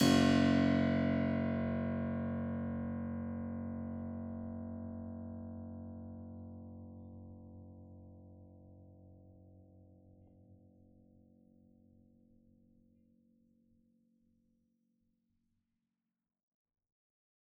<region> pitch_keycenter=30 lokey=29 hikey=31 volume=0 trigger=attack ampeg_attack=0.004000 ampeg_release=0.400000 amp_veltrack=0 sample=Chordophones/Zithers/Harpsichord, Flemish/Sustains/Low/Harpsi_Low_Far_F#0_rr1.wav